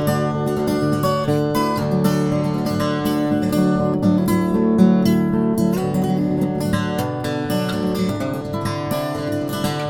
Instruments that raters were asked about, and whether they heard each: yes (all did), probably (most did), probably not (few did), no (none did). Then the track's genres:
guitar: yes
violin: no
organ: no
cymbals: no
Blues; Folk; Soundtrack